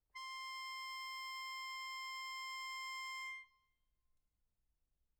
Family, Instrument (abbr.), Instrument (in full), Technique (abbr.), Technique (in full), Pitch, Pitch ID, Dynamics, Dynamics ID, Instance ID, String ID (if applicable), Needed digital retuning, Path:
Keyboards, Acc, Accordion, ord, ordinario, C6, 84, mf, 2, 2, , FALSE, Keyboards/Accordion/ordinario/Acc-ord-C6-mf-alt2-N.wav